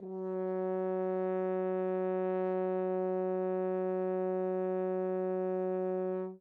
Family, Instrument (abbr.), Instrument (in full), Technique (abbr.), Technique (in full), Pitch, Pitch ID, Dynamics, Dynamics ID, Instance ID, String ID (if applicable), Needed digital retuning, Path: Brass, Hn, French Horn, ord, ordinario, F#3, 54, mf, 2, 0, , FALSE, Brass/Horn/ordinario/Hn-ord-F#3-mf-N-N.wav